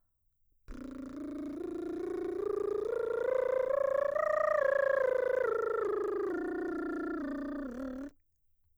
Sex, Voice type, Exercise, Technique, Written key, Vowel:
female, mezzo-soprano, scales, lip trill, , u